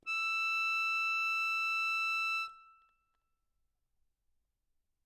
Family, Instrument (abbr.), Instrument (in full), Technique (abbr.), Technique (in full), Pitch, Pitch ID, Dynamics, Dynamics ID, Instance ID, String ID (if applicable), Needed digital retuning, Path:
Keyboards, Acc, Accordion, ord, ordinario, E6, 88, ff, 4, 2, , FALSE, Keyboards/Accordion/ordinario/Acc-ord-E6-ff-alt2-N.wav